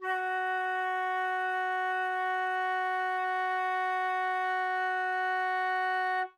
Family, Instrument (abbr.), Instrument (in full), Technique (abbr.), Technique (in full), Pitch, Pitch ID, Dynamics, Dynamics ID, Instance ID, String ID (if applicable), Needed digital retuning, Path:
Winds, Fl, Flute, ord, ordinario, F#4, 66, ff, 4, 0, , FALSE, Winds/Flute/ordinario/Fl-ord-F#4-ff-N-N.wav